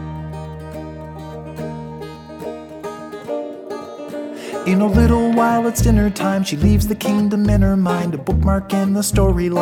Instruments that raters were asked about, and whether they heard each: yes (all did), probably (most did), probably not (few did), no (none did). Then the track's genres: ukulele: yes
banjo: probably not
mandolin: probably not
Pop; Folk; Singer-Songwriter